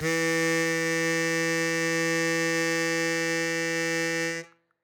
<region> pitch_keycenter=52 lokey=51 hikey=53 volume=5.539772 trigger=attack ampeg_attack=0.100000 ampeg_release=0.100000 sample=Aerophones/Free Aerophones/Harmonica-Hohner-Super64/Sustains/Accented/Hohner-Super64_Accented_E2.wav